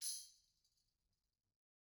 <region> pitch_keycenter=60 lokey=60 hikey=60 volume=25.985359 offset=261 lovel=0 hivel=83 ampeg_attack=0.004000 ampeg_release=30.000000 sample=Idiophones/Struck Idiophones/Tambourine 1/Tamb1_Hit_v1_rr1_Mid.wav